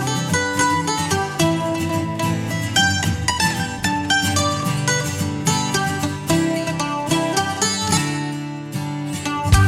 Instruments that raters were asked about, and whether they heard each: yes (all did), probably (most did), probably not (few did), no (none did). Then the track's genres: mandolin: probably
Country; Folk